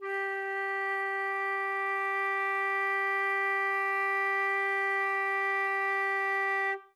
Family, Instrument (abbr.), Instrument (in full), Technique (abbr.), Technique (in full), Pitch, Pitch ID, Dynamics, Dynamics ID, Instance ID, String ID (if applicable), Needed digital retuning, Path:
Winds, Fl, Flute, ord, ordinario, G4, 67, ff, 4, 0, , FALSE, Winds/Flute/ordinario/Fl-ord-G4-ff-N-N.wav